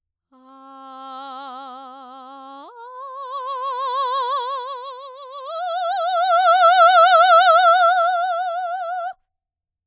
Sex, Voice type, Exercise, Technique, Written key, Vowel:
female, soprano, long tones, messa di voce, , a